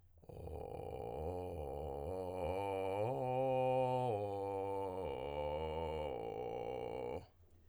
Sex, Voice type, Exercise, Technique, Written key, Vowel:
male, tenor, arpeggios, vocal fry, , o